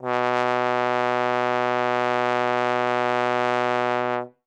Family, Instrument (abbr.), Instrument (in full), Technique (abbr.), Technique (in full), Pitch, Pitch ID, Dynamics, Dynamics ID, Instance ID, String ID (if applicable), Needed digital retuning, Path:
Brass, Tbn, Trombone, ord, ordinario, B2, 47, ff, 4, 0, , TRUE, Brass/Trombone/ordinario/Tbn-ord-B2-ff-N-T26d.wav